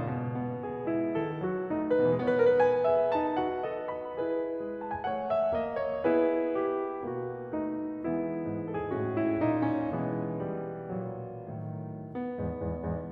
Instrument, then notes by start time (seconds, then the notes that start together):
piano
0.01 A2
0.11 B2
0.36 B3
0.66 G#4
0.96 G#3 E4
1.17 D#3 A4
1.43 F#3 F#4
1.67 A3 D#4
1.87 B4
2.05 C#3
2.13 E3
2.23 G#3
2.31 B3 C#5
2.37 B4
2.41 A#4
2.54 B4
2.60 G#5
2.86 G#4 E5
3.14 D#4 A5
3.38 F#4 F#5
3.62 A4 D#5
3.91 B5
4.21 E4 G#4 B4
4.62 G#3
4.83 A5
4.93 G#5
5.05 A3 F#5
5.28 E5
5.58 A#3 D#5
5.85 C#5
6.10 B3 E4 G#4 B4
6.64 G4
7.14 B2 A#3 F#4
7.56 A3 D#4
8.03 E3 G#3 B3 E4 B4
8.44 G#2
8.73 A4
8.87 G#4
8.97 A2 F#4
9.18 E4
9.37 A#2 D#4
9.66 C#4
9.90 B2 E3 G#3 B3
10.42 G3
11.01 B1 A#2 F#3
11.60 A2 D#3
12.08 B3
12.36 E2 G#2
12.62 E2 G#2
12.86 E2 G#2